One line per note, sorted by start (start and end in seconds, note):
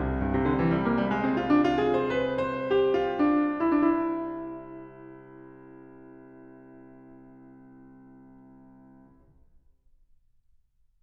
0.00 8.00 C2
0.19 8.00 G2
0.35 8.00 C3
0.46 0.62 D3
0.62 0.75 E3
0.75 0.86 G3
0.86 0.98 A#3
0.98 1.10 G3
1.10 1.22 G#3
1.22 1.32 C4
1.32 1.46 F4
1.46 1.61 D4
1.61 1.83 F4
1.83 2.09 G#4
2.09 2.30 C5
2.30 2.53 B4
2.53 2.72 C5
2.72 2.96 G4
2.96 3.18 F4
3.18 3.59 D4
3.59 3.70 E4
3.70 3.91 D4
3.91 8.02 E4